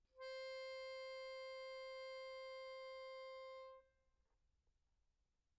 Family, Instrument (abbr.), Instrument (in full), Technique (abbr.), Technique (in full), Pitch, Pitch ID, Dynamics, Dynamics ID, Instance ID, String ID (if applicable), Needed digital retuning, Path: Keyboards, Acc, Accordion, ord, ordinario, C5, 72, pp, 0, 0, , FALSE, Keyboards/Accordion/ordinario/Acc-ord-C5-pp-N-N.wav